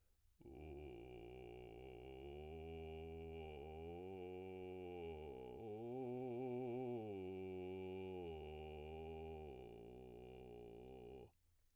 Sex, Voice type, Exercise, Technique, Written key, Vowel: male, baritone, arpeggios, vocal fry, , u